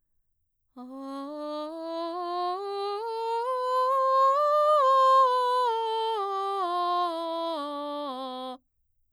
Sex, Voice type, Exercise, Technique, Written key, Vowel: female, mezzo-soprano, scales, straight tone, , a